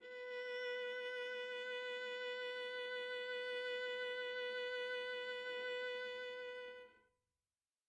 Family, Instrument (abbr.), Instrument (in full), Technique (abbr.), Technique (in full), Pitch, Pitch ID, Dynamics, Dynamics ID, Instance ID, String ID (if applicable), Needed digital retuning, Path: Strings, Va, Viola, ord, ordinario, B4, 71, mf, 2, 2, 3, FALSE, Strings/Viola/ordinario/Va-ord-B4-mf-3c-N.wav